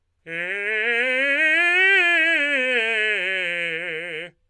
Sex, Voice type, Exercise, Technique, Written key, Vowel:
male, tenor, scales, fast/articulated forte, F major, e